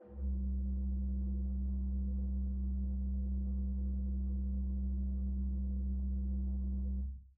<region> pitch_keycenter=36 lokey=36 hikey=37 tune=3 ampeg_attack=0.004000 ampeg_release=0.300000 amp_veltrack=0 sample=Aerophones/Edge-blown Aerophones/Renaissance Organ/8'/RenOrgan_8foot_Room_C1_rr1.wav